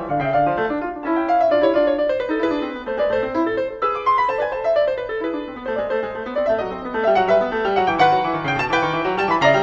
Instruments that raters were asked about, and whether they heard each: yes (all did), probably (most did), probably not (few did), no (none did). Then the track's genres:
banjo: no
mandolin: probably not
piano: yes
Classical